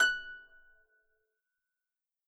<region> pitch_keycenter=90 lokey=90 hikey=91 tune=-4 volume=5.588415 xfin_lovel=70 xfin_hivel=100 ampeg_attack=0.004000 ampeg_release=30.000000 sample=Chordophones/Composite Chordophones/Folk Harp/Harp_Normal_F#5_v3_RR1.wav